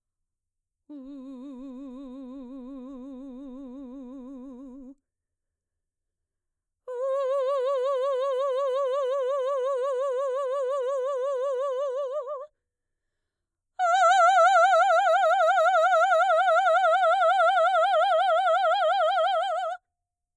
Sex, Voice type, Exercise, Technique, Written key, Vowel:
female, mezzo-soprano, long tones, trillo (goat tone), , u